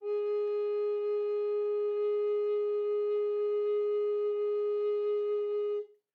<region> pitch_keycenter=68 lokey=68 hikey=69 volume=14.098347 offset=507 ampeg_attack=0.004000 ampeg_release=0.300000 sample=Aerophones/Edge-blown Aerophones/Baroque Bass Recorder/Sustain/BassRecorder_Sus_G#3_rr1_Main.wav